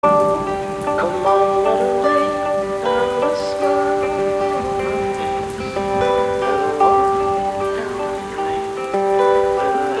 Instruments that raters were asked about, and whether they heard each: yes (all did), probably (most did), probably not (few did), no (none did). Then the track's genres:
mandolin: probably not
banjo: yes
Singer-Songwriter